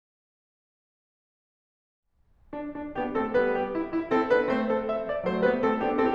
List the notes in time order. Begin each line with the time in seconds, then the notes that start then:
2.11 D4
2.69 D4
2.99 B3 D4 G4
3.16 A3 C4 A4
3.34 G3 B3 B4
3.52 G4
3.71 E4
3.94 E4
4.11 C4 E4 A4
4.25 B3 D4 B4
4.43 A3 C4 C5
4.63 A4
4.88 E5
5.07 D5
5.21 F#3 A3 C5
5.40 G3 B3 B4
5.60 A3 C4 A4
5.77 B3 D4 G4
5.94 C4 E4 A4